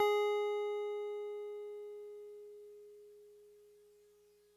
<region> pitch_keycenter=80 lokey=79 hikey=82 volume=15.380249 lovel=0 hivel=65 ampeg_attack=0.004000 ampeg_release=0.100000 sample=Electrophones/TX81Z/FM Piano/FMPiano_G#4_vl1.wav